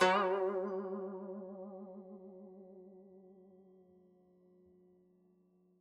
<region> pitch_keycenter=54 lokey=53 hikey=55 volume=10.471185 lovel=0 hivel=83 ampeg_attack=0.004000 ampeg_release=0.300000 sample=Chordophones/Zithers/Dan Tranh/Vibrato/F#2_vib_mf_1.wav